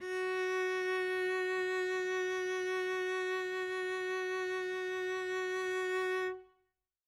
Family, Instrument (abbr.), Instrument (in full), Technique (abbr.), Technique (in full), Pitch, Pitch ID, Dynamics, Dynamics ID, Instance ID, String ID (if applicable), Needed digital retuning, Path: Strings, Vc, Cello, ord, ordinario, F#4, 66, mf, 2, 0, 1, FALSE, Strings/Violoncello/ordinario/Vc-ord-F#4-mf-1c-N.wav